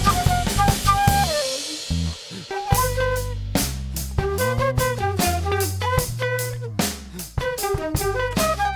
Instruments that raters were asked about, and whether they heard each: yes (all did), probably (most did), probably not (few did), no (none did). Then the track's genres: trumpet: no
saxophone: probably
clarinet: yes
Jazz